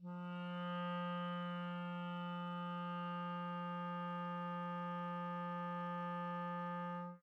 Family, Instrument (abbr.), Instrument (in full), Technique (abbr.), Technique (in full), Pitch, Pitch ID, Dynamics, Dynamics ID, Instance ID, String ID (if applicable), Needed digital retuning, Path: Winds, ClBb, Clarinet in Bb, ord, ordinario, F3, 53, mf, 2, 0, , FALSE, Winds/Clarinet_Bb/ordinario/ClBb-ord-F3-mf-N-N.wav